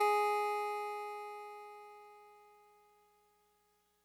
<region> pitch_keycenter=56 lokey=55 hikey=58 tune=-1 volume=13.738626 lovel=66 hivel=99 ampeg_attack=0.004000 ampeg_release=0.100000 sample=Electrophones/TX81Z/Clavisynth/Clavisynth_G#2_vl2.wav